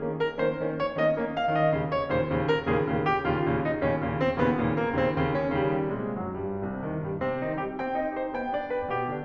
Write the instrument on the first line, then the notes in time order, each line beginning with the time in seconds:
piano
0.00 D#3 A#3 C#4
0.20 A#4
0.37 D#3 A#3 C#4 C5
0.62 D#3 A#3 C#4
0.77 C#5
0.91 D#3 A#3 C#4 D#5
1.09 D#3 A#3 C#4
1.34 F5
1.54 D#3 A#3 C#4 D#5
1.72 D#3 A#3 C#4
1.92 C#5
2.07 D#3 A#3 C#4 C5
2.25 D#2 A#2 C#3
2.48 A#4
2.66 D#2 A#2 C#3 G#4
2.86 D#2 A#2 C#3
3.05 G4
3.26 D#2 A#2 C#3 F4
3.48 D#2 A#2 C#3
3.68 D#4
3.81 D#2 A#2 C#3 C#4
4.03 D#2 A#2 C#3
4.23 C4
4.40 D#2 A#2 C#3 B3
4.60 D#2 A#2 C#3
4.81 A#3
4.99 D#2 A#2 C#3 C4
5.20 D#2 A#2 C#3
5.41 C#4
5.61 D#2 A#2 C#3 G3
5.82 G#2 C3 G#3
6.06 F#2 F#3
6.34 G2 G3
6.63 C2 C3
6.86 G2 D#3
7.00 A#2 G3
7.19 C3 C4
7.40 D#3 D#4
7.58 G3 G4
7.78 C4 G5
8.00 D#4 D#5
8.15 G4 C5
8.35 B3 G5
8.54 D4 D5
8.71 G4 B4
8.88 B2 G4
9.08 D3 D4